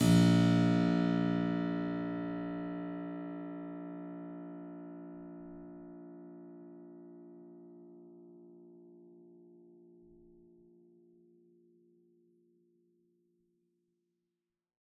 <region> pitch_keycenter=34 lokey=34 hikey=35 volume=-0.833716 trigger=attack ampeg_attack=0.004000 ampeg_release=0.400000 amp_veltrack=0 sample=Chordophones/Zithers/Harpsichord, Flemish/Sustains/Low/Harpsi_Low_Far_A#0_rr1.wav